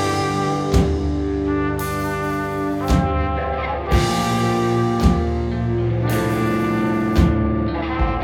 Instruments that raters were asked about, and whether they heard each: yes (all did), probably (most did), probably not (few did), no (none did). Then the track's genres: trombone: probably
trumpet: probably not
Metal; Noise-Rock